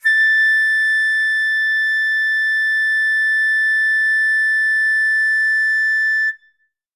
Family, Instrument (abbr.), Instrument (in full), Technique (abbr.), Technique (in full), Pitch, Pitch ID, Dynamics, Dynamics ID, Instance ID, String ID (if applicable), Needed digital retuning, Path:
Winds, Fl, Flute, ord, ordinario, A6, 93, ff, 4, 0, , TRUE, Winds/Flute/ordinario/Fl-ord-A6-ff-N-T13d.wav